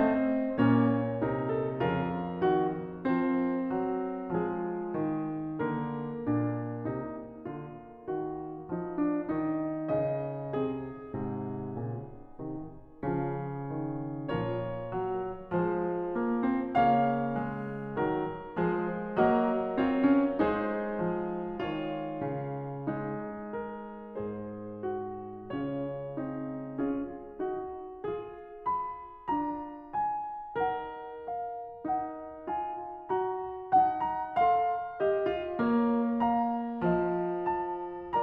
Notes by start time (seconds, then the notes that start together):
0.00 A3 C4 C5 D#5
0.58 A#2 A#3 C#4 C#5
1.27 C3 D#4 A#4
1.52 A4
1.81 F2 C#3 F4 A#4
2.39 D#3 F#4
3.05 F3 C4 C5
3.85 F#3
4.35 F3 G#3 F4 G#4
4.97 D#3
5.56 D3 A#3 A#4
6.34 A#2 D4
6.92 C3 D#4
7.51 D3 F4
8.09 D#3 F#4
8.70 F3 D#4
8.96 D4
9.35 D#3 D#4
9.98 C#3 D#5
10.58 C3 C4 G#4
11.15 G#2 C3
11.80 A#2 C#3
12.39 C3 D#3
13.08 C#3 F3 C#4 F4
13.69 D#3
14.32 A#2 F3 F4 A#4 C#5
14.80 F#3
15.50 F3 G#3 G#4 C5
16.17 A#3
16.44 C4
16.74 C#3 A#3 C#5 F5
17.28 G#3
17.95 D#3 F#3 A#4
18.56 F3 G#3 G#4 B4
19.18 F#3 A#3 F#4 A#4 D#5
19.85 C4 F4 C#5
20.13 C#4
20.42 G#3 D#4 G#4 C5
20.94 F3
21.63 D#3 F4 C#5
22.21 C#3
22.86 G#3 D#4
23.55 A#4
24.25 G#2 G#4 C5
24.86 F#4
25.50 C#3 C#4 F4 C#5
26.16 C4 D#4
26.78 C#4 F4 G#4
27.40 D#4 F#4
28.04 F4 G#4
28.73 B5
29.29 D4 F4 A#5
29.98 G#5
30.58 D#4 A#4 F#5
31.31 F5
31.86 D#4 F#5
32.55 F4 G#5
33.16 F#4 A#5
33.74 D#4 F#5 A5
34.03 A#5
34.38 A4 F5 C6
35.04 G4 D#5
35.39 F4
35.69 A#3 A#4 C#5
36.34 F5 A#5
36.98 F3 C5 D#5
37.60 A5